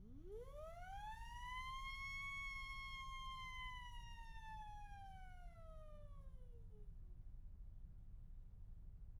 <region> pitch_keycenter=62 lokey=62 hikey=62 volume=20.000000 ampeg_attack=0.004000 ampeg_release=1.000000 sample=Aerophones/Free Aerophones/Siren/Main_SirenWhistle-008.wav